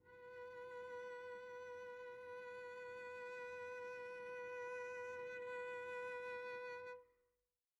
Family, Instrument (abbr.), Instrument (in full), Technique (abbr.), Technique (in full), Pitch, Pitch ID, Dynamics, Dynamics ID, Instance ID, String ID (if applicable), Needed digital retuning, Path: Strings, Vc, Cello, ord, ordinario, B4, 71, pp, 0, 1, 2, FALSE, Strings/Violoncello/ordinario/Vc-ord-B4-pp-2c-N.wav